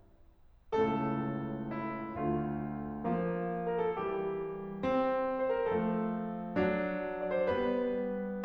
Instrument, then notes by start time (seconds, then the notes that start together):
piano
0.74 C#2 A2 C#3 A3 A4
1.74 E4
2.20 D2 D3 A3 F4
3.12 F3 A#3
3.69 A#4
3.83 A4
3.98 E3 G3 G4
4.82 C4
5.21 C5
5.61 A#4
5.78 F3 A3 A4
6.60 F#3 D4
7.10 D5
7.32 C5
7.51 G3 B3 B4